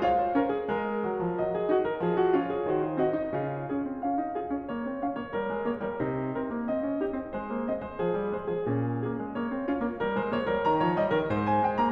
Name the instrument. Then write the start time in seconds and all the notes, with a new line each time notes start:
piano
0.00 F4 C#5 F5
0.17 C5
0.33 C#4 A#4
0.49 G#4
0.68 G#3 A#4
1.01 F#3
1.20 F3
1.37 F#3 D#5
1.54 G#4
1.66 D#4 F#4
1.81 A#4
2.02 F3 G#4
2.19 F#4
2.39 C#4 F4 C#5
2.52 G#4
2.67 D#3 F#4 C5
2.83 F4
3.00 C4 F#4 D#5
3.15 D#4
3.33 C#3 F4
3.69 C#4 G#4
3.83 C4
4.03 C#4 F5
4.17 D#4
4.33 F4 G#4
4.49 C#4
4.69 A#3 C#5
4.89 C4
5.04 C#4 F5
5.18 A#3 C#5
5.35 G3 A#4
5.47 G#3
5.60 A#3 C#5
5.82 G3 A#4
6.04 C3 D#4
6.37 C4 A#4
6.56 A#3
6.72 C4 D#5
6.82 C#4
7.00 D#4 G4
7.14 C4
7.31 G#3 C5
7.48 A#3
7.70 C4 D#5
7.81 G#3 C5
7.96 F3 G#4
8.13 G3
8.28 G#3 C5
8.48 F3 G#4
8.63 A#2 C#4
9.01 A#3 G#4
9.17 G#3
9.35 A#3 C#5
9.51 C4
9.66 C#4 F4
9.82 A#3
9.97 G3 A#4
10.16 G#3 C5
10.36 A#3 C#5
10.53 G3 A#4
10.67 D#3 A#5
10.80 F3 C#5
10.94 G3 D#5
11.12 D#3 A#4
11.27 G#2 C5
11.44 G#5
11.61 G#3 G5
11.76 A#3 A#5